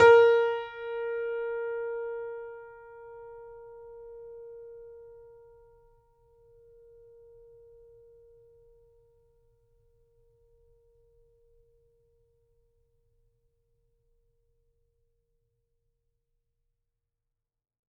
<region> pitch_keycenter=70 lokey=70 hikey=71 volume=-0.874262 lovel=100 hivel=127 locc64=0 hicc64=64 ampeg_attack=0.004000 ampeg_release=0.400000 sample=Chordophones/Zithers/Grand Piano, Steinway B/NoSus/Piano_NoSus_Close_A#4_vl4_rr1.wav